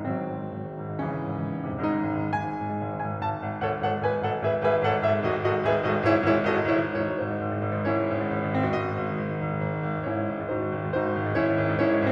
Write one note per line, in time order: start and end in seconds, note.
0.00 0.24 G#1
0.00 1.00 D#3
0.00 1.00 F#3
0.00 1.00 C4
0.14 0.42 G#2
0.26 0.52 G#1
0.42 0.64 G#2
0.55 0.77 G#1
0.64 0.86 G#2
0.77 1.00 G#1
0.87 1.11 G#2
1.00 1.23 G#1
1.00 1.85 C#3
1.00 1.85 E3
1.00 1.85 C#4
1.11 1.35 G#2
1.24 1.44 G#1
1.35 1.54 G#2
1.44 1.66 G#1
1.57 1.74 G#2
1.66 1.85 G#1
1.74 1.97 G#2
1.74 2.36 C3
1.80 2.43 G#3
1.86 2.05 G#1
1.86 2.26 D#4
1.97 2.15 G#2
2.05 2.26 G#1
2.16 2.36 G#2
2.26 2.46 G#1
2.26 2.96 G#5
2.36 2.65 G#2
2.47 2.75 G#1
2.65 2.84 G#2
2.75 2.96 G#1
2.86 3.05 G#2
2.96 3.17 G#1
2.96 3.17 G#5
3.05 3.27 G#2
3.18 3.37 G#1
3.18 3.37 A5
3.27 3.47 G#2
3.37 3.58 G#1
3.37 3.58 G#5
3.48 3.67 G#2
3.58 3.77 G#1
3.58 3.77 F#5
3.67 3.89 G#2
3.78 4.02 G#1
3.78 4.02 A4
3.78 4.02 C#5
3.78 4.02 F#5
3.89 4.12 G#2
4.02 4.28 G#1
4.02 4.28 B4
4.02 4.28 D#5
4.02 4.28 G#5
4.13 4.37 G#2
4.28 4.45 G#1
4.28 4.45 A4
4.28 4.45 C#5
4.28 4.45 F#5
4.37 4.55 G#2
4.46 4.63 G#1
4.46 4.63 G#4
4.46 4.63 B4
4.46 4.63 E5
4.55 4.71 G#2
4.63 4.83 G#1
4.63 4.83 G#4
4.63 4.83 B4
4.63 4.83 E5
4.73 4.93 G#2
4.83 5.02 G#1
4.83 5.02 A4
4.83 5.02 C#5
4.83 5.02 F#5
4.93 5.12 G#2
5.03 5.22 G#1
5.03 5.22 G#4
5.03 5.22 B4
5.03 5.22 E5
5.12 5.33 G#2
5.22 5.47 G#1
5.22 5.47 F#4
5.22 5.47 A4
5.22 5.47 D#5
5.35 5.54 G#2
5.47 5.63 G#1
5.47 5.63 F#4
5.47 5.63 A4
5.47 5.63 D#5
5.54 5.72 G#2
5.64 5.81 G#1
5.64 5.81 G#4
5.64 5.81 B4
5.64 5.81 E5
5.72 5.90 G#2
5.82 6.00 G#1
5.82 6.00 F#4
5.82 6.00 A4
5.82 6.00 D#5
5.90 6.08 G#2
6.00 6.19 G#1
6.00 6.19 E4
6.00 6.19 G#4
6.00 6.19 C#5
6.10 6.30 G#2
6.19 6.42 G#1
6.19 6.42 E4
6.19 6.42 G#4
6.19 6.42 C#5
6.30 6.52 G#2
6.43 6.68 G#1
6.43 6.68 F#4
6.43 6.68 A4
6.43 6.68 D#5
6.54 6.78 G#2
6.68 6.91 G#1
6.68 6.91 E4
6.68 6.91 G#4
6.68 6.91 C#5
6.78 7.04 G#2
6.92 7.15 G#1
6.92 7.79 D#4
6.92 7.79 F#4
6.92 7.79 C5
7.05 7.31 G#2
7.16 7.42 G#1
7.31 7.51 G#2
7.42 7.62 G#1
7.52 7.70 G#2
7.62 7.79 G#1
7.70 7.91 G#2
7.80 7.98 G#1
7.80 8.63 C#4
7.80 8.63 E4
7.80 8.63 C#5
7.91 8.09 G#2
7.98 8.24 G#1
8.10 8.32 G#2
8.24 8.42 G#1
8.32 8.52 G#2
8.43 8.63 G#1
8.52 8.71 G#2
8.63 8.82 G#1
8.63 10.01 C4
8.70 8.92 G#2
8.70 10.01 F#4
8.70 10.01 D#5
8.82 9.02 G#1
8.92 9.15 G#2
9.03 9.28 G#1
9.15 9.38 G#2
9.28 9.49 G#1
9.39 9.61 G#2
9.49 9.80 G#1
9.61 9.91 G#2
9.81 10.01 G#1
9.91 10.11 G#2
10.01 10.26 G#1
10.01 10.44 C#4
10.01 10.44 E4
10.01 10.44 C#5
10.12 10.34 G#2
10.26 10.44 G#1
10.34 10.54 G#2
10.45 10.67 G#1
10.45 10.91 D#4
10.45 10.91 F#4
10.45 10.91 C5
10.54 10.81 G#2
10.67 10.91 G#1
10.82 11.02 G#2
10.91 11.13 G#1
10.91 11.33 D#4
10.91 11.33 F#4
10.91 11.33 C5
11.02 11.24 G#2
11.15 11.33 G#1
11.24 11.45 G#2
11.33 11.52 G#1
11.33 11.69 C#4
11.33 11.69 E4
11.33 11.69 C#5
11.45 11.62 G#2
11.52 11.69 G#1
11.62 11.80 G#2
11.69 11.89 G#1
11.69 12.12 C#4
11.69 12.12 E4
11.69 12.12 C#5
11.81 12.02 G#2
11.89 12.12 G#1
12.02 12.12 G#2